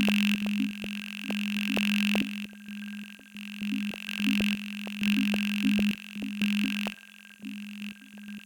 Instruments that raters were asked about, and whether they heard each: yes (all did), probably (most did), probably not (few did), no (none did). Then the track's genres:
synthesizer: probably
saxophone: no
Electronic; Experimental; Electroacoustic